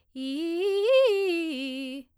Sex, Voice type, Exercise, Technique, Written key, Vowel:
female, soprano, arpeggios, fast/articulated piano, C major, i